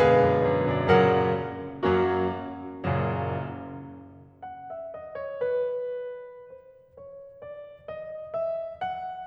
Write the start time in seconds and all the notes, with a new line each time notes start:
0.00 F#2 B2 D3 G#3 G#4 B4 F5
0.24 F#2
0.46 F#2
0.68 F#2 C#5
0.79 D5
0.89 F#2 A#2 C#3 F#3 A#4 C#5 F#5
1.71 F#2 F#3 A#3 C#4 F#4
2.89 F#1 F#2 A#2 C#3 F#3
4.45 F#5
4.74 E5
4.91 D#5
5.17 C#5
5.43 B4
6.50 C5
6.97 C#5
7.41 D5
7.83 D#5
8.35 E5
8.79 F#5